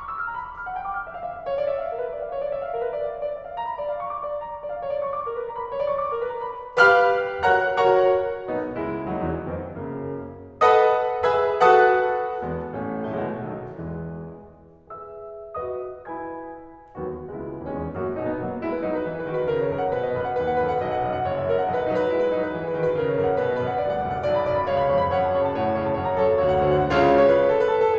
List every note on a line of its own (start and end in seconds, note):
0.00 0.20 D6
0.13 0.28 E6
0.22 0.39 F6
0.31 0.48 A#5
0.41 0.58 B5
0.50 0.66 D6
0.59 0.78 F6
0.70 0.87 F#5
0.79 0.96 G5
0.91 1.07 D6
0.99 1.16 F6
1.08 1.27 E5
1.18 1.36 F5
1.29 1.45 E5
1.38 1.52 F5
1.46 1.66 C#5
1.59 1.78 D5
1.70 1.90 E5
1.80 2.01 F5
1.92 2.09 A#4
2.02 2.24 B4
2.14 2.35 D5
2.25 2.45 F5
2.38 2.54 C#5
2.47 2.64 D5
2.57 2.73 E5
2.66 2.82 F5
2.75 2.95 A#4
2.84 3.03 B4
2.96 3.16 D5
3.07 3.25 F5
3.17 3.33 C#5
3.26 3.47 D5
3.40 3.63 E5
3.49 3.75 F5
3.63 3.83 A#5
3.76 3.95 B5
3.85 4.05 D5
3.96 4.14 F5
4.06 4.25 C#6
4.16 4.32 D6
4.26 4.40 D5
4.34 4.52 F5
4.42 4.61 A#5
4.53 4.69 B5
4.61 4.77 D5
4.70 4.89 F5
4.81 5.03 C#5
4.90 5.14 D5
5.04 5.31 C#6
5.15 5.36 D6
5.32 5.46 A#4
5.39 5.56 B4
5.48 5.70 A#5
5.58 5.79 B5
5.71 5.91 C#5
5.82 6.03 D5
5.92 6.13 C#6
6.04 6.35 D6
6.14 6.48 A#4
6.39 6.64 B4
6.54 6.73 A#5
6.66 6.82 B5
6.82 7.49 G4
6.82 7.49 B4
6.82 7.49 F5
6.82 7.49 B5
6.82 7.49 F6
7.49 7.76 F#4
7.49 7.76 A#4
7.49 7.76 C#5
7.49 7.76 F#5
7.49 7.76 A#5
7.49 7.76 F#6
7.76 8.13 F#4
7.76 8.13 A#4
7.76 8.13 C#5
7.76 8.13 F#5
7.76 8.13 A#5
7.76 8.13 C#6
8.53 8.78 B1
8.53 8.78 B3
8.53 8.78 D#4
8.78 9.11 C#2
8.78 9.11 G#3
8.78 9.11 E4
9.11 9.23 D#2
9.11 9.23 F#3
9.11 9.23 D#4
9.23 9.50 E2
9.23 9.50 E3
9.23 9.50 C#4
9.50 9.73 F2
9.50 9.73 D#3
9.50 9.73 B3
9.73 10.11 F#2
9.73 10.11 C#3
9.73 10.11 A#3
10.66 11.28 A4
10.66 11.28 B4
10.66 11.28 D#5
10.66 11.28 F#5
10.66 11.28 B5
10.66 11.28 D#6
11.28 11.58 G#4
11.28 11.58 B4
11.28 11.58 E5
11.28 11.58 G#5
11.28 11.58 B5
11.28 11.58 E6
11.59 12.21 F#4
11.59 12.21 A4
11.59 12.21 B4
11.59 12.21 F#5
11.59 12.21 A5
11.59 12.21 D#6
11.59 12.21 F#6
12.43 12.69 E2
12.43 12.69 G#3
12.43 12.69 B3
12.70 13.12 A1
12.70 13.12 A3
12.70 13.12 C#4
13.12 13.26 A2
13.12 13.26 F#3
13.12 13.26 A3
13.26 13.55 B2
13.26 13.55 E3
13.26 13.55 G#3
13.55 13.78 B1
13.55 13.78 D#3
13.55 13.78 F#3
13.79 14.42 E2
13.79 14.42 E3
13.79 14.42 G#3
14.93 15.67 G#4
14.93 15.67 B4
14.93 15.67 E5
14.93 15.67 B5
14.93 15.67 E6
15.67 16.07 F#4
15.67 16.07 B4
15.67 16.07 D#5
15.67 16.07 B5
15.67 16.07 D#6
16.07 16.39 E4
16.07 16.39 B4
16.07 16.39 G#5
16.07 16.39 B5
16.07 16.39 G#6
17.01 17.26 D#2
17.01 17.26 F#3
17.01 17.26 B3
17.01 17.26 F#4
17.28 17.58 C#2
17.28 17.67 G#3
17.28 17.67 B3
17.28 17.58 E4
17.58 17.67 D#2
17.58 17.67 D#4
17.67 17.89 E2
17.67 17.89 G#3
17.67 17.89 B3
17.67 17.89 C#4
17.89 18.11 F#2
17.89 18.11 A#3
17.89 18.11 F#4
18.11 18.43 B2
18.11 18.24 D#4
18.24 18.43 B3
18.43 18.63 F#3
18.43 18.53 A#3
18.54 18.63 B3
18.65 18.84 G#3
18.65 18.73 E4
18.75 18.84 B4
18.88 19.13 F#3
18.88 19.05 D#4
19.05 19.13 B4
19.13 19.31 E3
19.13 19.23 G#4
19.23 19.31 B4
19.31 19.52 D#3
19.31 19.39 F#4
19.39 19.52 B4
19.52 19.73 C#3
19.52 19.61 A#4
19.61 19.73 C#5
19.73 19.96 F#2
19.73 19.86 A#4
19.86 19.96 F#5
19.98 20.15 B2
19.98 20.06 B4
20.07 20.15 D#5
20.17 20.42 F#2
20.17 20.27 B4
20.28 20.42 F#5
20.43 20.67 D#2
20.43 20.56 B4
20.56 20.67 F#5
20.67 20.86 F#2
20.67 20.77 D#5
20.77 20.86 F#5
20.86 21.07 B1
20.86 20.97 D#5
20.97 21.07 F#5
21.07 21.27 F#2
21.07 21.16 D#5
21.16 21.27 F#5
21.27 21.52 F#1
21.27 21.42 C#5
21.42 21.52 E5
21.54 21.71 F#2
21.54 21.62 C#5
21.63 21.71 F#5
21.72 21.92 B1
21.72 21.80 D#5
21.82 21.92 B4
21.92 22.14 F#3
21.92 22.04 D#4
22.04 22.14 B4
22.14 22.37 G#3
22.14 22.24 E4
22.24 22.37 B4
22.37 22.56 F#3
22.37 22.47 D#4
22.47 22.56 B4
22.56 22.77 E3
22.56 22.66 G#4
22.66 22.77 B4
22.77 22.98 D#3
22.77 22.86 F#4
22.87 22.98 B4
22.99 23.19 C#3
22.99 23.07 A#4
23.08 23.19 C#5
23.20 23.39 F#2
23.20 23.31 A#4
23.31 23.39 F#5
23.39 23.59 B2
23.39 23.49 B4
23.49 23.59 D#5
23.59 23.84 F#2
23.59 23.68 B4
23.68 23.84 F#5
23.84 24.07 D2
23.84 23.95 B4
23.95 24.07 F#5
24.07 24.25 F#2
24.07 24.16 D5
24.16 24.25 F#5
24.26 24.49 B1
24.26 24.37 D5
24.38 24.49 B5
24.50 24.67 F#2
24.50 24.58 D5
24.59 24.67 B5
24.68 24.98 C#2
24.68 24.79 C#5
24.68 24.79 F5
24.79 24.98 B5
24.98 25.17 F2
24.98 25.08 C#5
24.98 25.08 G#5
25.08 25.17 B5
25.17 25.45 F#2
25.17 25.34 C#5
25.17 25.34 F#5
25.34 25.45 A5
25.45 25.67 C#3
25.45 25.58 C#5
25.45 25.58 F#5
25.58 25.67 A5
25.67 25.88 A2
25.67 25.77 C#5
25.67 25.77 F#5
25.79 25.88 A5
25.88 26.06 C#3
25.88 25.97 C#5
25.88 25.97 F#5
25.97 26.06 A5
26.08 26.26 F#2
26.08 26.19 C#5
26.08 26.19 F#5
26.19 26.26 A5
26.26 26.41 F#3
26.26 26.34 A4
26.26 26.34 C#5
26.35 26.41 F#5
26.41 26.67 D2
26.41 26.52 F#4
26.41 26.52 C#5
26.52 26.67 F#5
26.68 26.91 D3
26.68 26.80 F#4
26.68 26.80 C5
26.80 26.91 F#5
26.91 27.20 C#2
26.91 27.20 C#3
26.91 27.20 F4
26.91 27.20 C#5
26.91 27.20 F5
27.21 27.36 C#5
27.30 27.40 B4
27.40 27.56 B4
27.49 27.59 A4
27.59 27.74 B4
27.68 27.77 A4
27.77 27.97 A4
27.89 27.98 G#4